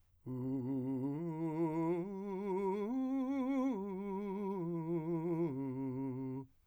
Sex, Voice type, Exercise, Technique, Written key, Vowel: male, , arpeggios, slow/legato piano, C major, u